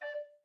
<region> pitch_keycenter=74 lokey=74 hikey=75 volume=21.279119 offset=260 ampeg_attack=0.004000 ampeg_release=10.000000 sample=Aerophones/Edge-blown Aerophones/Baroque Bass Recorder/Staccato/BassRecorder_Stac_D4_rr1_Main.wav